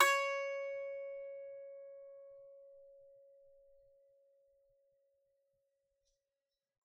<region> pitch_keycenter=73 lokey=73 hikey=73 volume=-5.457693 lovel=100 hivel=127 ampeg_attack=0.004000 ampeg_release=15.000000 sample=Chordophones/Composite Chordophones/Strumstick/Finger/Strumstick_Finger_Str3_Main_C#4_vl3_rr1.wav